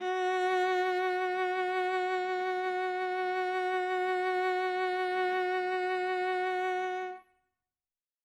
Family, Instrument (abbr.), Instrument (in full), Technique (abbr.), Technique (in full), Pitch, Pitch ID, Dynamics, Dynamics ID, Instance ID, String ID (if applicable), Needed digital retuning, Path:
Strings, Va, Viola, ord, ordinario, F#4, 66, ff, 4, 2, 3, FALSE, Strings/Viola/ordinario/Va-ord-F#4-ff-3c-N.wav